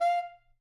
<region> pitch_keycenter=77 lokey=77 hikey=78 tune=8 volume=14.902416 lovel=0 hivel=83 ampeg_attack=0.004000 ampeg_release=1.500000 sample=Aerophones/Reed Aerophones/Tenor Saxophone/Staccato/Tenor_Staccato_Main_F4_vl1_rr1.wav